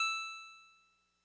<region> pitch_keycenter=76 lokey=75 hikey=78 tune=-1 volume=13.644972 lovel=66 hivel=99 ampeg_attack=0.004000 ampeg_release=0.100000 sample=Electrophones/TX81Z/Clavisynth/Clavisynth_E4_vl2.wav